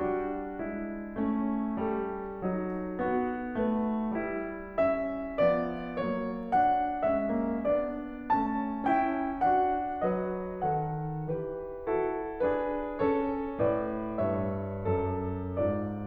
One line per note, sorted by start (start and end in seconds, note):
0.00 0.60 G3
0.00 1.13 D4
0.00 0.60 F#4
0.60 1.13 G#3
0.60 1.79 E4
1.13 1.79 A3
1.13 2.41 C#4
1.80 2.41 G3
1.80 2.98 A4
2.41 2.98 F#3
2.41 4.13 D#4
2.98 3.54 B3
2.98 3.54 F#4
3.55 4.13 A3
3.55 4.78 B4
4.13 5.40 G3
4.13 4.78 E4
4.78 5.40 C#4
4.78 5.40 E5
5.42 5.98 F3
5.42 5.98 B3
5.42 5.98 D5
5.98 7.06 F#3
5.98 6.51 A#3
5.98 6.51 C#5
6.52 7.06 D4
6.52 7.06 F#5
7.06 7.33 G#3
7.06 7.64 C#4
7.06 7.64 E5
7.33 7.64 A#3
7.64 8.31 B3
7.64 8.31 D4
7.64 8.31 D5
8.37 8.86 A3
8.37 8.86 C#4
8.37 8.86 A5
8.86 9.45 C#4
8.86 9.45 E4
8.86 9.45 G5
9.45 10.07 D4
9.45 10.07 F#4
9.45 10.07 F#5
10.09 10.62 F#3
10.09 10.62 B4
10.09 10.62 D#5
10.62 11.26 D#3
10.62 11.26 A4
10.62 11.26 F#5
11.26 11.74 E3
11.26 11.74 G4
11.26 11.74 B4
11.75 12.41 E4
11.75 12.41 F#4
11.75 12.41 A4
12.41 13.00 D4
12.41 13.00 G#4
12.41 13.00 B4
13.00 13.56 C#4
13.00 13.56 A4
13.00 13.56 C#5
13.57 14.20 A2
13.57 14.20 B4
13.57 14.20 D5
14.20 14.74 G2
14.20 14.74 C#5
14.20 15.57 E5
14.76 15.57 F#2
14.76 15.57 A4
15.57 16.07 G#2
15.57 16.07 F4
15.57 16.07 D5